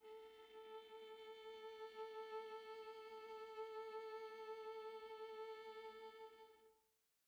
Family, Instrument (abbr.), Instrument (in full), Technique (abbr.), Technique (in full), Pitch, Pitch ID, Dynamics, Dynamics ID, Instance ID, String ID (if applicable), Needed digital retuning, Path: Strings, Va, Viola, ord, ordinario, A4, 69, pp, 0, 2, 3, FALSE, Strings/Viola/ordinario/Va-ord-A4-pp-3c-N.wav